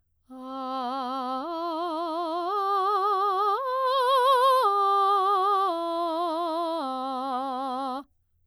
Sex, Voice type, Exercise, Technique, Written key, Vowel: female, soprano, arpeggios, slow/legato piano, C major, a